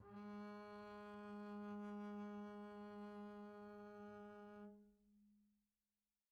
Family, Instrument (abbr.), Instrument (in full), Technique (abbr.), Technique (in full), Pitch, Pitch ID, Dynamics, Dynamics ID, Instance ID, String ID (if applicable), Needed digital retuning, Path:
Strings, Cb, Contrabass, ord, ordinario, G#3, 56, pp, 0, 0, 1, FALSE, Strings/Contrabass/ordinario/Cb-ord-G#3-pp-1c-N.wav